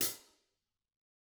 <region> pitch_keycenter=42 lokey=42 hikey=42 volume=10.055560 offset=166 lovel=84 hivel=106 seq_position=1 seq_length=2 ampeg_attack=0.004000 ampeg_release=30.000000 sample=Idiophones/Struck Idiophones/Hi-Hat Cymbal/HiHat_HitC_v3_rr1_Mid.wav